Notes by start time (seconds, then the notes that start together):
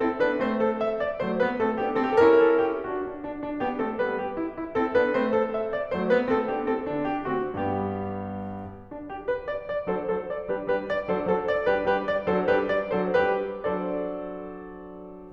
0.00 C4 E4 A4
0.17 B3 D4 B4
0.38 A3 C4 C5
0.59 A4
0.80 E5
1.00 D5
1.23 F#3 A3 C5
1.42 G3 B3 B4
1.63 A3 C4 A4
1.86 B3 D4 G4
2.05 C4 E4 A4
2.23 C#4 E4 G4
2.28 A4
2.32 A#4
2.46 A4
2.68 G4
2.89 D4 F#4
3.12 D4
3.30 D4
3.46 D4
3.62 B3 D4 G4
3.83 A3 C4 A4
3.99 G3 B3 B4
4.16 G4
4.37 E4
4.59 E4
4.76 C4 E4 A4
4.96 B3 D4 B4
5.14 A3 C4 C5
5.33 A4
5.53 E5
5.72 D5
5.91 F#3 A3 C5
6.08 G3 B3 B4
6.32 A3 C4 A4
6.50 B3 D4 G4
6.70 C4 E4 A4
6.88 D3 B3 D4
7.08 G4
7.28 D3 A3 C4 F#4
7.49 G2 G3 B3 G4
8.74 D4
8.99 G4
9.22 B4
9.45 D5
9.65 D5
9.88 F#3 D4 A4 C5
10.14 F#3 D4 A4 C5
10.33 D5
10.52 G3 D4 G4 B4
10.70 G3 D4 G4 B4
10.90 D5
11.09 F#3 D4 A4 C5
11.31 F#3 D4 A4 C5
11.47 D5
11.69 G3 D4 G4 B4
11.92 G3 D4 G4 B4
12.05 D5
12.26 F#3 D4 A4 C5
12.49 G3 D4 G4 B4
12.70 D5
12.96 F#3 D4 A4 C5
13.20 G3 D4 G4 B4
13.47 F#3 D4 A4 C5 D5